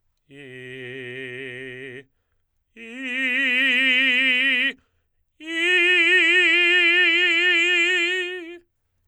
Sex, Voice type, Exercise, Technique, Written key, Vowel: male, tenor, long tones, full voice forte, , i